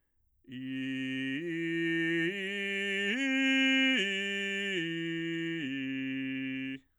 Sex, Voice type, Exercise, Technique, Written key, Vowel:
male, bass, arpeggios, straight tone, , i